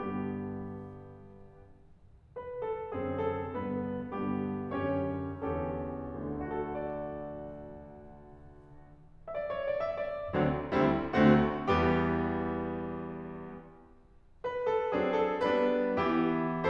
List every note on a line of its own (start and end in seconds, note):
0.00 0.93 G2
0.00 0.93 D3
0.00 0.93 B3
0.00 0.93 G4
2.40 2.62 B4
2.64 2.94 A4
2.94 3.51 F#2
2.94 3.51 D3
2.94 3.51 C4
2.94 3.15 G#4
3.15 3.51 A4
3.51 4.12 G2
3.51 4.12 D3
3.51 4.12 B3
3.51 4.12 B4
4.12 4.74 G2
4.12 4.74 D3
4.12 4.74 B3
4.12 4.74 G4
4.74 5.35 F#2
4.74 5.35 D3
4.74 5.35 C#4
4.74 5.35 G4
4.74 5.35 C#5
5.36 6.07 E2
5.36 6.07 D3
5.36 6.07 C#4
5.36 6.07 G4
5.36 6.07 A4
6.07 8.50 D2
6.20 8.50 D3
6.32 8.50 D4
6.42 8.50 F#4
6.51 8.50 A4
6.61 8.50 D5
9.32 9.46 D5
9.32 9.36 E5
9.47 9.66 C#5
9.66 9.82 D5
9.83 9.97 E5
9.98 10.37 D5
10.39 10.73 D2
10.39 10.73 D3
10.39 10.73 F#3
10.39 10.73 C4
10.39 10.73 D4
10.73 11.13 D2
10.73 11.13 D3
10.73 11.13 G3
10.73 11.13 C4
10.73 11.13 E4
11.13 11.70 D2
11.13 11.70 D3
11.13 11.70 A3
11.13 11.70 C4
11.13 11.70 F#4
11.70 12.97 E2
11.70 12.97 E3
11.70 12.97 G3
11.70 12.97 B3
11.70 12.97 G4
14.44 14.68 B4
14.69 14.94 A4
14.95 15.49 F#3
14.95 15.49 C4
14.95 15.49 D4
14.95 15.21 G#4
15.21 15.49 A4
15.49 15.94 G3
15.49 15.94 B3
15.49 15.94 D4
15.49 15.94 B4
15.96 16.70 E3
15.96 16.70 B3
15.96 16.70 E4
15.96 16.70 G4